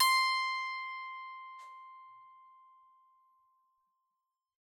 <region> pitch_keycenter=84 lokey=84 hikey=85 tune=-3 volume=7.261083 ampeg_attack=0.004000 ampeg_release=15.000000 sample=Chordophones/Zithers/Psaltery, Bowed and Plucked/Pluck/BowedPsaltery_C5_Main_Pluck_rr1.wav